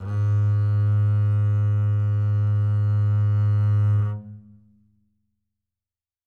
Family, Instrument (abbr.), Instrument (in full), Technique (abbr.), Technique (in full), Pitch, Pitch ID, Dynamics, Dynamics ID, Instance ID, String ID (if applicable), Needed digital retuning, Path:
Strings, Cb, Contrabass, ord, ordinario, G#2, 44, mf, 2, 1, 2, FALSE, Strings/Contrabass/ordinario/Cb-ord-G#2-mf-2c-N.wav